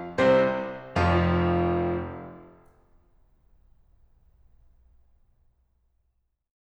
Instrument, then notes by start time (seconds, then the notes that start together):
piano
0.17 C2 C3 C4 C5
0.98 F1 F2 F3 F4
5.43 F4